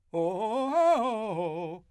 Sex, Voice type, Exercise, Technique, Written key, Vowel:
male, , arpeggios, fast/articulated forte, F major, o